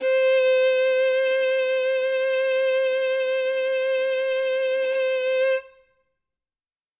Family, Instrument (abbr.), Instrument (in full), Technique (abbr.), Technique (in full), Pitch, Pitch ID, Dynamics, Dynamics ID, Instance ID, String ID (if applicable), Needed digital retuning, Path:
Strings, Vn, Violin, ord, ordinario, C5, 72, ff, 4, 3, 4, FALSE, Strings/Violin/ordinario/Vn-ord-C5-ff-4c-N.wav